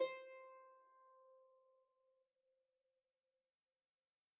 <region> pitch_keycenter=72 lokey=72 hikey=73 volume=25.162176 xfout_lovel=70 xfout_hivel=100 ampeg_attack=0.004000 ampeg_release=30.000000 sample=Chordophones/Composite Chordophones/Folk Harp/Harp_Normal_C4_v2_RR1.wav